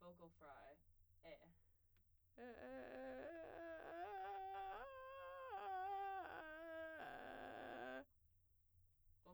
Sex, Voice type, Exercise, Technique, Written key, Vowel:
female, soprano, arpeggios, vocal fry, , e